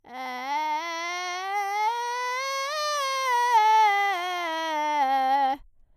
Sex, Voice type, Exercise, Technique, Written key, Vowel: female, soprano, scales, vocal fry, , e